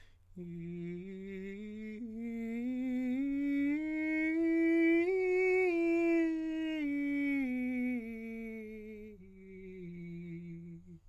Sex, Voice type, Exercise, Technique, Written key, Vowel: male, countertenor, scales, slow/legato piano, F major, i